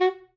<region> pitch_keycenter=66 lokey=65 hikey=68 tune=2 volume=10.000982 lovel=0 hivel=83 ampeg_attack=0.004000 ampeg_release=2.500000 sample=Aerophones/Reed Aerophones/Saxello/Staccato/Saxello_Stcts_MainSpirit_F#3_vl1_rr6.wav